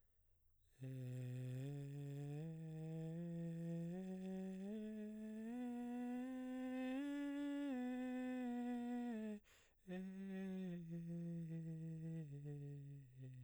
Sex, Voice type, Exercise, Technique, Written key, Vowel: male, baritone, scales, breathy, , e